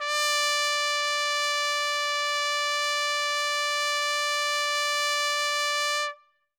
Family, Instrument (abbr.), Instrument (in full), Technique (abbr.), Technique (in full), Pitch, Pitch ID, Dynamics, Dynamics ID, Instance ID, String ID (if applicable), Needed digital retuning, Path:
Brass, TpC, Trumpet in C, ord, ordinario, D5, 74, ff, 4, 0, , FALSE, Brass/Trumpet_C/ordinario/TpC-ord-D5-ff-N-N.wav